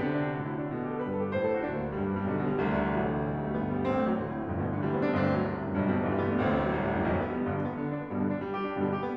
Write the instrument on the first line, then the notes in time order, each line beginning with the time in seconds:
piano
0.00 C3 D3
0.13 D4
0.30 E4
0.41 A2 F#4
0.51 E4
0.64 D4
0.74 B2
0.86 G4
0.93 A4
1.03 G2 B4
1.14 A4
1.27 G4
1.37 A2 C5
1.46 A4
1.53 F#4
1.64 D2 C4
1.73 A3
1.82 F#3
1.92 G2 G3
2.01 B3
2.14 G3
2.24 B1 D3
2.33 B2
2.41 G3
2.51 C2 D2
2.64 D3
2.73 E3
2.84 A1 F#3
2.94 E3
3.02 D3
3.17 B1
3.29 G3
3.39 A3
3.53 G1 B3
3.68 A3
3.78 G3
3.88 A1 C4
3.97 A3
4.05 F#3
4.16 B1 C3
4.27 A2
4.38 F#2
4.47 B1 G2
4.55 B2
4.64 D3
4.74 G1 G3
4.83 B3
4.96 D4
5.07 A1 D2 C4
5.17 A3
5.33 F#3
5.43 C2 C3
5.56 A2
5.71 F#2
5.82 B1 G2
5.93 B2
6.03 D3
6.14 G1 G3
6.26 B3
6.37 D4
6.47 A1 C4
6.58 A3
6.68 F#3
6.75 C2 C3
6.83 A2
6.94 F#2
7.05 B1 G2
7.17 B3
7.31 G3
7.44 G1 G2 D3
7.53 B2
7.65 B3
7.76 D3
7.84 D4
7.95 B3
8.05 G2 B2 G3
8.16 D3
8.27 D4
8.36 G3
8.46 G4
8.58 D4
8.75 G2 B2 D3 B3
8.85 G3
8.95 G4
9.08 B3